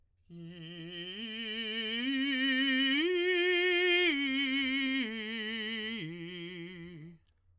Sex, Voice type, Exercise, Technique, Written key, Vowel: male, tenor, arpeggios, slow/legato piano, F major, i